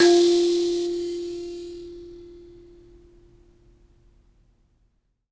<region> pitch_keycenter=65 lokey=65 hikey=66 tune=22 volume=-3.294644 ampeg_attack=0.004000 ampeg_release=15.000000 sample=Idiophones/Plucked Idiophones/Mbira Mavembe (Gandanga), Zimbabwe, Low G/Mbira5_Normal_MainSpirit_F3_k5_vl2_rr1.wav